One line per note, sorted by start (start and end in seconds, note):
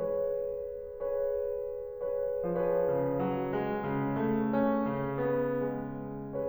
0.02 1.10 G#4
0.02 1.10 B4
0.02 1.10 C#5
1.11 2.10 G#4
1.11 2.10 B4
1.11 2.10 C#5
2.10 2.46 G#4
2.10 2.46 B4
2.10 2.46 C#5
2.46 3.22 F3
2.46 6.48 G#4
2.46 6.48 B4
2.46 6.48 C#5
2.87 3.98 C#3
3.23 3.63 F#3
3.64 4.30 G#3
3.98 4.97 C#3
4.30 4.65 A3
4.66 5.39 C#4
4.97 6.48 C#3
5.39 5.71 B3
5.72 6.48 G#3